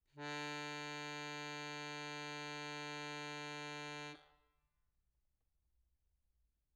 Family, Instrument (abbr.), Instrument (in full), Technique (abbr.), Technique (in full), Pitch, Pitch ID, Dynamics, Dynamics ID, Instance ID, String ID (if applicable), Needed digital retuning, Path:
Keyboards, Acc, Accordion, ord, ordinario, D3, 50, mf, 2, 1, , FALSE, Keyboards/Accordion/ordinario/Acc-ord-D3-mf-alt1-N.wav